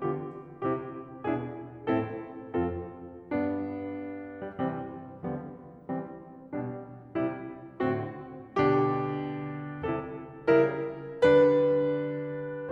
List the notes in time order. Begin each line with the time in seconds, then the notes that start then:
0.03 D3 B3 F4 G4
0.69 C3 C4 E4 G4
1.25 B2 D4 E4 G#4
1.93 A2 C4 E4 A4
2.56 F2 C4 F4 A4
3.33 G2 B3 D4
4.37 G3
4.64 C3 E3 G3 C4
5.28 D3 F3 G3 B3
5.90 E3 G3 C4
6.53 B2 G3 D4
7.17 C3 G3 E4
7.80 A2 D3 C4 F#4
8.61 B2 D3 D4 G4
9.90 C3 G3 E4 A4
10.64 C#3 G3 E4 A#4
11.25 D3 G3 D4 B4